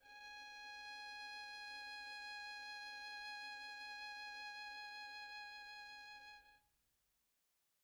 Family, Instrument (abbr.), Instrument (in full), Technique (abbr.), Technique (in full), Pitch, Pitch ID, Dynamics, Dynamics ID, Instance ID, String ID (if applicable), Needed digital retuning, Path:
Strings, Vn, Violin, ord, ordinario, G#5, 80, pp, 0, 1, 2, FALSE, Strings/Violin/ordinario/Vn-ord-G#5-pp-2c-N.wav